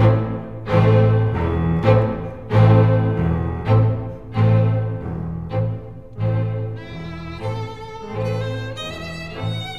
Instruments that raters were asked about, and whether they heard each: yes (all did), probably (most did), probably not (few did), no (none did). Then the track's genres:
violin: yes
cello: probably
Classical; Chamber Music